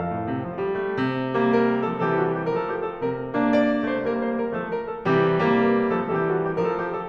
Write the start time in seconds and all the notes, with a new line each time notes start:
0.00 F2 A4 F5
0.16 A2
0.31 C3
0.48 F3
0.66 G3
0.84 A3
1.02 C3
1.42 G3 A#3
1.56 A#4
1.86 F3 A3 A4
2.02 E3 G3 G4 A4
2.18 F#4
2.35 G4
2.52 F3 A3 A#4
2.57 A4
2.68 G4
2.87 A4
3.03 C3 G3 A#3 A#4
3.34 A#3 D4
3.51 D5
3.84 A3 C4 C5
4.02 G3 A#3 A#4
4.23 C5
4.40 A#4
4.57 F3 A3 A4
4.74 A#4
4.89 A4
5.05 C3 G4
5.42 G3 A#3
5.65 A#4
5.93 F3 A3 A4
6.14 E3 G3 G4 A4
6.32 F#4
6.48 G4
6.64 F3 A3 A#4
6.69 A4
6.82 G4
6.94 A4